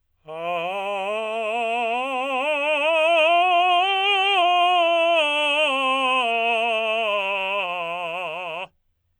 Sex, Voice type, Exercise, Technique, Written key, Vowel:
male, tenor, scales, slow/legato forte, F major, a